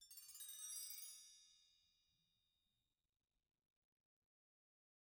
<region> pitch_keycenter=63 lokey=63 hikey=63 volume=25.000000 offset=307 ampeg_attack=0.004000 ampeg_release=15.000000 sample=Idiophones/Struck Idiophones/Bell Tree/Stroke/BellTree_Stroke_4_Mid.wav